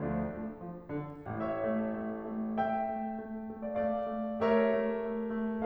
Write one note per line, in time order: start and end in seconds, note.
0.01 0.27 D2
0.01 0.59 F3
0.01 0.59 A3
0.01 0.59 D4
0.28 0.59 A3
0.59 0.90 F3
0.91 1.27 D3
1.28 1.60 A1
1.28 1.60 A2
1.28 2.54 C#5
1.28 2.54 E5
1.61 1.94 A3
1.97 2.20 A3
2.21 2.54 A3
2.55 2.85 A3
2.55 3.60 E5
2.55 3.60 G5
2.85 3.13 A3
3.14 3.44 A3
3.45 3.76 A3
3.63 3.76 D5
3.63 3.76 F5
3.77 4.07 A3
3.77 4.36 D5
3.77 4.36 F5
4.08 4.36 A3
4.37 4.70 A3
4.37 5.65 G4
4.37 5.65 A#4
4.37 5.65 C#5
4.37 5.65 E5
4.74 5.04 A3
5.06 5.32 A3
5.32 5.65 A3